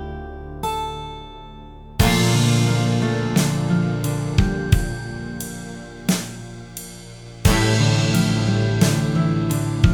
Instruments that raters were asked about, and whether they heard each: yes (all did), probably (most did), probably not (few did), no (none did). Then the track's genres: cymbals: yes
Soundtrack